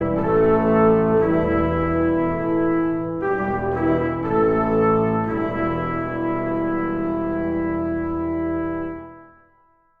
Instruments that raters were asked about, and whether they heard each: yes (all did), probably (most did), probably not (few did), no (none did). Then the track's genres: ukulele: no
trombone: yes
organ: probably
trumpet: yes
Classical